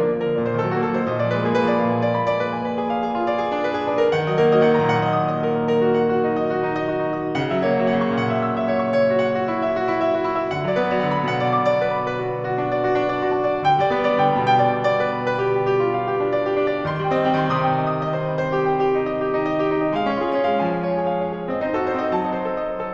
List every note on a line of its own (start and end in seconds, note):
0.00 0.14 A#3
0.00 0.14 D4
0.15 0.24 F3
0.15 0.24 F4
0.24 0.36 D3
0.24 0.36 A#4
0.37 0.51 A#2
0.37 0.51 D5
0.51 0.62 D#3
0.51 0.62 C5
0.63 0.72 F#3
0.63 0.72 A4
0.72 0.85 A#3
0.72 0.85 F#4
0.86 0.95 F#3
0.86 0.95 A4
0.95 1.07 D#3
0.95 1.07 C5
1.08 1.24 A#2
1.08 1.24 D#5
1.24 1.68 F3
1.24 1.36 D5
1.37 1.59 G#3
1.37 1.49 B4
1.49 4.14 A#3
1.49 1.59 G#4
1.59 4.14 G#3
1.59 1.68 B4
1.68 4.14 F3
1.68 1.79 D5
1.80 4.14 A#2
1.80 1.90 F5
1.90 2.01 G#5
2.02 2.12 D5
2.12 2.25 B5
2.26 2.38 D5
2.38 2.50 B4
2.50 2.64 G#5
2.64 2.77 B4
2.77 2.90 G#4
2.90 3.01 F5
3.01 3.15 G#4
3.15 3.27 F4
3.27 3.40 D5
3.40 3.52 G#4
3.52 3.62 D4
3.63 3.76 B4
3.76 3.89 G#4
3.90 4.02 D4
4.02 4.14 A#4
4.16 4.67 D#3
4.16 4.27 F#5
4.27 4.55 F#3
4.27 4.40 D#5
4.41 7.41 A#3
4.41 4.55 A#4
4.55 7.41 F#3
4.55 4.67 D#5
4.68 7.41 D#3
4.68 4.82 F#5
4.82 7.41 A#2
4.82 4.96 A#5
4.97 5.11 F#5
5.11 5.24 D#5
5.25 5.42 D#6
5.42 5.55 D#5
5.56 5.70 A#4
5.70 5.80 A#5
5.82 5.93 A#4
5.93 6.05 F#4
6.06 6.19 F#5
6.19 6.33 F#4
6.34 6.48 D#4
6.48 6.59 D#5
6.61 6.73 F#4
6.73 6.85 D#4
6.85 6.98 D#5
6.98 7.12 F#4
7.12 7.27 D#4
7.27 7.41 D#5
7.41 7.94 C#3
7.41 7.56 F#5
7.56 7.83 F#3
7.56 7.69 E5
7.69 10.53 A#3
7.69 7.83 C#5
7.83 10.53 F#3
7.83 7.94 E5
7.94 10.53 C#3
7.94 8.07 F#5
8.08 10.53 A#2
8.08 8.23 C#6
8.23 8.36 F#5
8.37 8.49 E5
8.49 8.64 E6
8.65 8.79 E5
8.79 8.89 C#5
8.90 9.02 C#6
9.02 9.10 C#5
9.11 9.21 F#4
9.21 9.32 F#5
9.33 9.49 F#4
9.49 9.61 E4
9.62 9.78 E5
9.78 9.94 F#4
9.95 10.05 E4
10.05 10.17 E5
10.18 10.29 F#4
10.29 10.41 E4
10.41 10.53 E5
10.53 11.02 D3
10.53 10.66 F#5
10.67 10.89 F#3
10.67 10.79 D5
10.79 13.61 B3
10.79 10.89 B4
10.89 13.61 F#3
10.89 11.02 D5
11.02 13.61 D3
11.02 11.13 F#5
11.13 13.61 B2
11.13 11.27 B5
11.27 11.39 F#5
11.39 11.53 D5
11.53 11.67 D6
11.67 11.80 D5
11.80 11.94 B4
11.94 12.05 B5
12.06 12.18 B4
12.18 12.31 F#4
12.31 12.43 F#5
12.43 12.56 F#4
12.57 12.71 D4
12.71 12.83 D5
12.84 12.97 F#4
12.97 13.06 D4
13.07 13.20 D5
13.20 13.33 F#4
13.33 13.46 D4
13.46 13.61 D5
13.63 14.19 D3
13.63 13.76 G5
13.76 14.06 G3
13.76 13.90 D5
13.91 16.88 B3
13.91 14.06 B4
14.06 16.88 G3
14.06 14.19 D5
14.20 16.88 D3
14.20 14.32 G5
14.32 16.88 B2
14.32 14.44 B5
14.45 14.63 G5
14.63 14.76 D5
14.77 14.88 D6
14.88 15.00 D5
15.01 15.12 B4
15.12 15.24 B5
15.24 15.39 B4
15.39 15.51 G4
15.51 15.69 G5
15.69 15.81 G4
15.81 15.98 F4
15.98 16.10 F5
16.10 16.20 G4
16.20 16.34 D4
16.34 16.45 D5
16.46 16.60 G4
16.60 16.74 D4
16.75 16.88 D5
16.88 17.41 D#3
16.88 17.00 C6
17.01 17.28 G3
17.01 17.15 G5
17.15 19.96 C4
17.15 17.28 D#5
17.28 19.96 G3
17.28 17.41 G5
17.41 19.96 D#3
17.41 17.54 C6
17.54 19.96 C3
17.54 17.66 D#6
17.66 17.77 G5
17.80 17.94 D#5
17.94 18.10 D#6
18.11 18.23 D#5
18.23 18.36 C5
18.37 18.48 C6
18.48 18.60 C5
18.61 18.74 G4
18.74 18.84 G5
18.85 18.98 G4
18.98 19.10 D#4
19.11 19.25 D#5
19.25 19.38 G4
19.38 19.50 D#4
19.50 19.61 D#5
19.61 19.70 G4
19.70 19.83 D#4
19.83 19.96 D#5
19.96 20.43 G#3
19.96 20.09 F5
20.09 20.33 C#4
20.09 20.21 C#5
20.21 21.48 F4
20.21 20.33 G#4
20.33 21.48 C#4
20.33 20.43 C#5
20.45 21.48 G#3
20.45 20.58 F5
20.58 21.48 F3
20.58 20.71 G#5
20.72 20.84 F5
20.84 20.97 C#5
20.98 21.08 G#4
21.08 21.20 F5
21.21 21.35 C#5
21.35 21.48 G#4
21.49 21.97 C4
21.49 21.62 D#5
21.62 21.86 D#4
21.62 21.73 C5
21.75 22.93 F#4
21.75 21.86 A4
21.86 22.93 D#4
21.86 21.97 C5
21.98 22.93 C4
21.98 22.09 D#5
22.09 22.93 F#3
22.09 22.20 A5
22.21 22.33 D#5
22.33 22.42 C5
22.43 22.55 A4
22.55 22.67 D#5
22.69 22.80 C5
22.80 22.93 A4